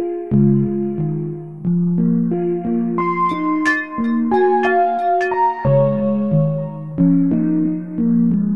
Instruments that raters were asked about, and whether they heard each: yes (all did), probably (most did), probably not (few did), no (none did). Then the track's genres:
mallet percussion: yes
Electronic; Experimental; Ambient